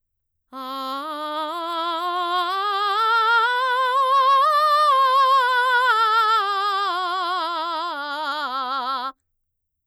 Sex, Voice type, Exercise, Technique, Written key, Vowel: female, mezzo-soprano, scales, belt, , a